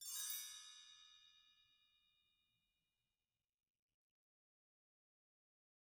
<region> pitch_keycenter=64 lokey=64 hikey=64 volume=25.000000 offset=317 ampeg_attack=0.004000 ampeg_release=15.000000 sample=Idiophones/Struck Idiophones/Bell Tree/Stroke/BellTree_Stroke_6_Mid.wav